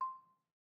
<region> pitch_keycenter=84 lokey=81 hikey=86 volume=13.128335 offset=203 lovel=0 hivel=65 ampeg_attack=0.004000 ampeg_release=30.000000 sample=Idiophones/Struck Idiophones/Balafon/Soft Mallet/EthnicXylo_softM_C5_vl1_rr1_Mid.wav